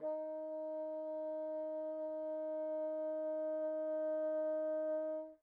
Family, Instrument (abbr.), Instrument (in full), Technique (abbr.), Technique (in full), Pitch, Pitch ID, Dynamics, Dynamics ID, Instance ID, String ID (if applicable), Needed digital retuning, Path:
Winds, Bn, Bassoon, ord, ordinario, D#4, 63, pp, 0, 0, , FALSE, Winds/Bassoon/ordinario/Bn-ord-D#4-pp-N-N.wav